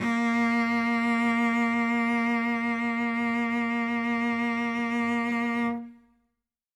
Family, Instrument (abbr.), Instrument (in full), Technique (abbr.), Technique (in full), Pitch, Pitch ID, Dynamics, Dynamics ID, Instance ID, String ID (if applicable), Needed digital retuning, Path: Strings, Vc, Cello, ord, ordinario, A#3, 58, ff, 4, 2, 3, FALSE, Strings/Violoncello/ordinario/Vc-ord-A#3-ff-3c-N.wav